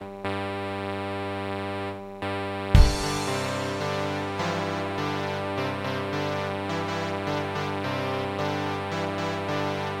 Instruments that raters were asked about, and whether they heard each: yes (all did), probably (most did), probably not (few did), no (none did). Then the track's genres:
trumpet: no
Indie-Rock